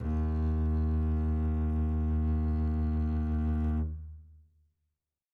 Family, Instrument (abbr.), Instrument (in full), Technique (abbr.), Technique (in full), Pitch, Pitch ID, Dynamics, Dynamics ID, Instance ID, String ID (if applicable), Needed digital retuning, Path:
Strings, Cb, Contrabass, ord, ordinario, D#2, 39, mf, 2, 3, 4, TRUE, Strings/Contrabass/ordinario/Cb-ord-D#2-mf-4c-T12u.wav